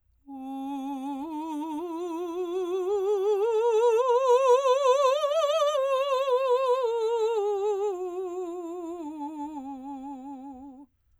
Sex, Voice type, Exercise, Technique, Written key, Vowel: female, soprano, scales, slow/legato forte, C major, u